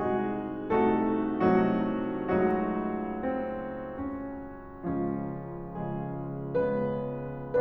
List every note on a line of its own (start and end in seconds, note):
0.01 0.70 C2
0.01 0.70 C3
0.01 0.70 G#3
0.01 0.70 D#4
0.01 0.70 F#4
0.01 0.70 G#4
0.71 1.42 C2
0.71 1.42 C3
0.71 1.42 A3
0.71 1.42 D#4
0.71 1.42 F#4
0.71 1.42 A4
1.45 2.25 C2
1.45 2.25 C3
1.45 2.25 F#3
1.45 2.25 A3
1.45 2.25 D#4
1.45 2.25 F#4
2.26 4.78 C#2
2.26 4.78 C#3
2.26 4.78 F#3
2.26 4.78 A3
2.26 3.21 D#4
2.26 4.78 F#4
3.22 4.13 C4
4.14 4.78 C#4
4.81 5.69 C#2
4.81 5.69 C#3
4.81 5.69 F3
4.81 5.69 G#3
4.81 5.69 C#4
4.81 5.69 F4
5.73 6.60 C#3
5.73 6.60 F3
5.73 6.60 G#3
5.73 6.60 G#4
6.61 7.60 C#3
6.61 7.60 G#3
6.61 7.60 B3
6.61 7.60 B4